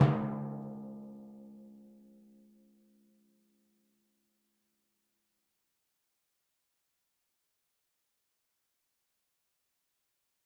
<region> pitch_keycenter=49 lokey=48 hikey=50 tune=4 volume=12.592560 lovel=100 hivel=127 seq_position=2 seq_length=2 ampeg_attack=0.004000 ampeg_release=30.000000 sample=Membranophones/Struck Membranophones/Timpani 1/Hit/Timpani3_Hit_v4_rr2_Sum.wav